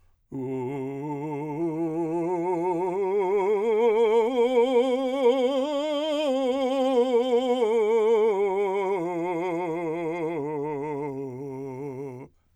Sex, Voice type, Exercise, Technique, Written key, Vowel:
male, , scales, vibrato, , u